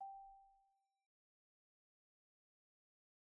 <region> pitch_keycenter=79 lokey=76 hikey=81 volume=37.623671 offset=69 xfout_lovel=0 xfout_hivel=83 ampeg_attack=0.004000 ampeg_release=15.000000 sample=Idiophones/Struck Idiophones/Marimba/Marimba_hit_Outrigger_G4_soft_01.wav